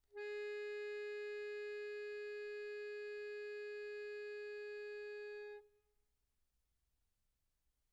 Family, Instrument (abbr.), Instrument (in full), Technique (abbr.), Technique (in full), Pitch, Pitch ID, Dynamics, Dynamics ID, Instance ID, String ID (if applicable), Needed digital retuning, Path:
Keyboards, Acc, Accordion, ord, ordinario, G#4, 68, pp, 0, 2, , FALSE, Keyboards/Accordion/ordinario/Acc-ord-G#4-pp-alt2-N.wav